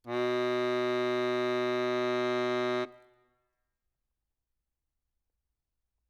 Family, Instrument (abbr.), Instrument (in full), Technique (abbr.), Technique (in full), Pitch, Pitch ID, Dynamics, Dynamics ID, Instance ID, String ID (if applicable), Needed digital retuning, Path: Keyboards, Acc, Accordion, ord, ordinario, B2, 47, ff, 4, 0, , TRUE, Keyboards/Accordion/ordinario/Acc-ord-B2-ff-N-T14u.wav